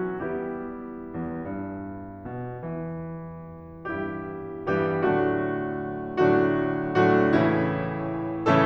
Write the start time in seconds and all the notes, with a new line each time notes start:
0.00 E2 G3 B3 E4 G4
1.13 E2
1.30 G2
2.28 B2
2.59 E3
3.90 G2 E3 G3 B3 E4 G4
4.69 G2 E3 G3 B3 E4 G4
4.96 A2 D3 F#3 A3 D4 F#4
6.19 A2 D3 F#3 A3 D4 F#4
6.97 A2 D3 F#3 A3 D4 F#4
7.36 A2 C#3 E3 A3 C#4 E4